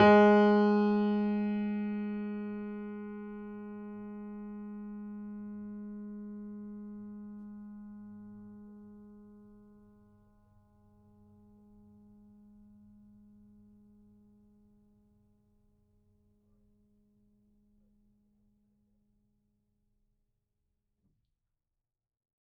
<region> pitch_keycenter=56 lokey=56 hikey=57 volume=-0.226538 lovel=100 hivel=127 locc64=0 hicc64=64 ampeg_attack=0.004000 ampeg_release=0.400000 sample=Chordophones/Zithers/Grand Piano, Steinway B/NoSus/Piano_NoSus_Close_G#3_vl4_rr1.wav